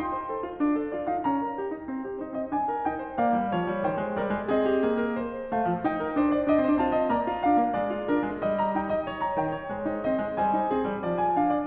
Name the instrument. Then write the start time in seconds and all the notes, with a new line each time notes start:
piano
0.00 D#4 C6
0.16 C5
0.30 A4
0.45 F4
0.62 D4
0.79 A4
0.96 F4 D5
1.13 D#4 F5
1.24 C#4 A#5
1.43 A#4
1.59 G4
1.73 D#4
1.87 C4
2.05 G4
2.22 D#4 C5
2.36 C4 D#5
2.53 D4 G#5
2.69 A#4
2.87 D#4 G5
3.03 C5
3.20 A#3 D5 F5
3.37 G3
3.53 F3 C#5
3.69 G3
3.88 D#3 C5 G5
3.99 G#3
4.19 G3 A#4 D5
4.38 G#3
4.52 C4 G#4 D#5
4.71 G4
4.82 A#3 G#4
5.00 A#4
5.18 C5
5.54 A3 F5
5.70 F3
5.87 D#4 G5
6.04 A#4
6.18 D4 C5
6.37 D5
6.52 D4 D#5
6.58 D4
6.63 C4 C5
6.68 D4
6.73 C4
6.78 D4 F4 A5
6.83 C4
6.88 D4
6.94 C4 D#5
7.00 D4
7.07 C4
7.14 A#3 D5 A#5
7.29 F4
7.44 D4 F5
7.59 A#3
7.74 G#3 D5
7.94 F4
8.10 D4 A#4
8.24 G#3
8.43 G3 D#5
8.59 A#5
8.75 D#4 G5
8.90 D#5
9.06 C#5
9.18 A#5
9.36 D#3 G5
9.53 C#5
9.66 G#3 C5
9.88 D#4
10.04 C4 D#5
10.23 G#3
10.37 G3 C5 G#5
10.57 D#4
10.69 C4 G#4
10.84 G3
11.01 F3 D5
11.18 G#5
11.34 D4 F5
11.58 D5